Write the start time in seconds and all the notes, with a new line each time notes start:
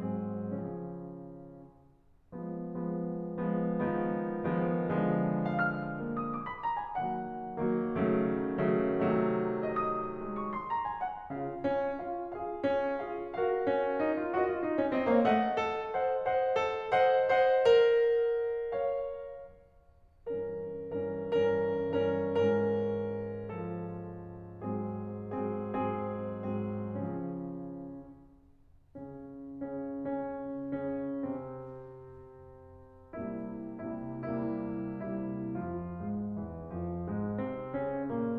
0.01 G#2 F#3 C4 G#4
0.50 C#3 F3 C#4
2.32 F3 G#3 B3
2.77 F3 G#3 B3
3.47 F3 G#3 B3
3.89 D#3 F3 G#3 B3
4.53 D#3 F3 G#3 B3
4.83 D3 F3 G#3 B3
5.67 F5
5.76 F6
6.01 A#3
6.18 D#6
6.32 D6
6.46 B5
6.62 A#5
6.76 G#5
7.02 D#3 F#3 A#3 F#5
7.62 D#3 F#3 A#3
7.94 C#3 D#3 F#3 A3
8.70 C#3 D#3 F#3 A3
9.03 C3 D#3 F#3 A3
9.66 D#5
9.95 D#6
10.18 G#3
10.36 C#6
10.50 C6
10.67 A#5
10.82 G#5
11.03 F#5
11.31 C#3 F4 F5
11.68 C#4
12.04 F4 G#4 F5
12.32 F4 G#4 F5
12.65 C#4
12.98 F4 G#4 F5
13.33 F#4 A#4 F5
13.65 C#4
13.98 D#4
14.20 F4
14.33 F#4 D#5
14.48 F4
14.63 D#4
14.80 C#4
14.97 C4 C5 D#5
15.12 A#3 C#5 F5
15.27 A3 C5 D#5 F#5
15.59 A4
15.93 C5 D#5 F#5
16.31 C5 D#5 F#5
16.58 A4
16.94 C5 D#5 F#5
17.26 C5 D#5 F#5
17.74 A#4
18.66 C#5 F5
20.32 G2 E3 C#4 A#4
21.12 G2 E3 C#4 A#4
21.43 G2 E3 C#4 A#4
22.07 G2 E3 C#4 A#4
22.49 G#2 E3 C#4 A#4
23.51 F3 A4
24.59 G#2 F#3 C4 G#4
25.34 G#2 F#3 C4 G#4
25.79 G#2 F#3 C4 G#4
26.45 G#2 F#3 C4 G#4
26.99 C#3 F3 C#4
28.96 C#3 C#4
29.62 C#3 C#4
30.06 C#3 C#4
30.85 C#3 C#4
31.25 C3 C4
33.17 C2 C3 G3 A#3 E4
33.84 C2 C3 G3 A#3 E4
34.18 C2 C3 G3 A#3 E4
34.98 C2 C3 G3 A#3 E4
35.62 F2 F3 F4
35.94 G#2 G#3
36.41 E2 E3
36.72 F2 F3
37.07 G#2 G#3
37.42 C3 C4
37.70 C#3 C#4
38.09 A#2 A#3